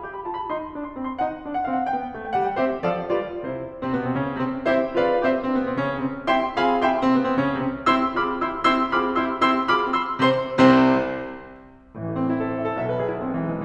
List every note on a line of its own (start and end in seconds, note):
0.01 0.23 G4
0.12 0.23 B5
0.24 0.51 F4
0.24 0.37 A5
0.37 0.51 B5
0.51 0.76 D#4
0.51 0.76 C6
0.76 0.99 D4
0.85 0.99 C6
0.99 1.21 C4
0.99 1.11 B5
1.11 1.21 C6
1.21 1.43 D#4
1.21 1.43 F#5
1.43 1.63 D4
1.54 1.63 F#5
1.63 1.89 C4
1.63 1.74 F5
1.75 1.89 F#5
1.90 2.13 B3
1.90 2.13 G5
2.14 2.36 A3
2.25 2.36 G5
2.36 2.54 G3
2.36 2.47 F#5
2.47 2.54 G5
2.54 2.83 C4
2.54 2.83 G4
2.54 2.83 C5
2.54 2.83 E5
2.83 3.07 F3
2.83 3.07 A4
2.83 3.07 D5
2.83 3.07 F5
3.07 3.45 G3
3.07 3.45 F4
3.07 3.45 B4
3.07 3.45 D5
3.45 3.69 C3
3.45 3.69 E4
3.45 3.69 C5
3.80 3.90 C3
3.80 3.90 C4
3.91 4.01 B2
3.91 4.01 B3
4.02 4.13 C3
4.02 4.13 C4
4.14 4.36 C#3
4.14 4.36 C#4
4.36 4.48 C3
4.36 4.48 C4
4.65 4.93 C4
4.65 4.93 E4
4.65 4.93 G4
4.65 4.93 C5
4.65 4.93 E5
4.93 5.33 C4
4.93 5.22 F4
4.93 5.22 G#4
4.93 5.22 B4
4.93 5.22 D5
4.93 5.22 F5
5.22 5.33 E4
5.22 5.33 G4
5.22 5.33 C5
5.22 5.33 E5
5.33 5.46 C3
5.33 5.46 C4
5.46 5.58 B2
5.46 5.58 B3
5.58 5.67 C3
5.58 5.67 C4
5.67 5.93 C#3
5.67 5.93 C#4
5.94 6.08 C3
5.94 6.08 C4
6.28 6.57 C4
6.28 6.57 E4
6.28 6.57 G4
6.28 6.57 E5
6.28 6.57 G5
6.28 6.57 C6
6.57 7.00 C4
6.57 6.83 F4
6.57 6.83 G#4
6.57 6.83 F5
6.57 6.83 G#5
6.57 6.83 B5
6.83 7.00 E4
6.83 7.00 G4
6.83 7.00 E5
6.83 7.00 G5
6.83 7.00 C6
7.00 7.12 C3
7.00 7.12 C4
7.12 7.25 B2
7.12 7.25 B3
7.25 7.38 C3
7.25 7.38 C4
7.38 7.63 C#3
7.38 7.63 C#4
7.63 7.80 C3
7.63 7.80 C4
7.92 8.18 C4
7.92 8.18 E4
7.92 8.18 G4
7.92 8.18 C6
7.92 8.18 E6
8.18 8.68 C4
8.18 8.43 F4
8.18 8.43 G#4
8.18 8.43 B5
8.18 8.43 D6
8.18 8.43 F6
8.43 8.68 E4
8.43 8.68 G4
8.43 8.68 C6
8.43 8.68 E6
8.68 8.95 C4
8.68 8.95 E4
8.68 8.95 G4
8.68 8.95 C6
8.68 8.95 E6
8.95 9.40 C4
8.95 9.17 F4
8.95 9.17 G#4
8.95 9.17 B5
8.95 9.17 D6
8.95 9.17 F6
9.17 9.40 E4
9.17 9.40 G4
9.17 9.40 C6
9.17 9.40 E6
9.40 9.67 C4
9.40 9.67 E4
9.40 9.67 G4
9.40 9.67 C6
9.40 9.67 E6
9.68 10.22 C4
9.68 9.94 F4
9.68 9.94 G#4
9.68 9.94 B5
9.68 9.94 D6
9.68 9.94 F6
9.94 10.22 E4
9.94 10.22 G4
9.94 10.22 C6
9.94 10.22 E6
10.23 10.78 C3
10.23 10.78 C4
10.23 10.78 C5
10.23 10.78 C6
10.78 11.10 C2
10.78 11.10 C3
10.78 11.10 C4
10.78 11.10 C5
11.98 12.82 A1
11.98 12.82 A2
11.98 12.17 E3
12.10 12.25 A3
12.18 12.34 C4
12.25 12.44 E4
12.34 12.54 A4
12.44 12.64 C5
12.54 12.74 E5
12.64 12.82 C5
12.74 12.90 A4
12.82 13.65 B1
12.82 13.65 B2
12.82 13.00 E5
12.92 13.09 B4
13.01 13.17 G#4
13.09 13.22 E4
13.17 13.30 B3
13.22 13.40 G#3
13.30 13.53 E3
13.40 13.65 G#3
13.53 13.65 B3